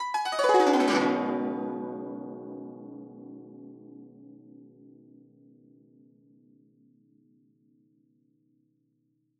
<region> pitch_keycenter=60 lokey=60 hikey=60 volume=4.927303 lovel=84 hivel=127 ampeg_attack=0.004000 ampeg_release=0.300000 sample=Chordophones/Zithers/Dan Tranh/Gliss/Gliss_Dwn_Med_ff_1.wav